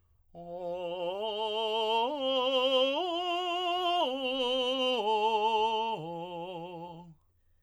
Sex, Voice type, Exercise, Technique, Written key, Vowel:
male, tenor, arpeggios, slow/legato piano, F major, o